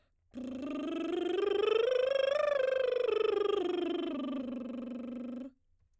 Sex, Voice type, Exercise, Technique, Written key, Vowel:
female, soprano, scales, lip trill, , u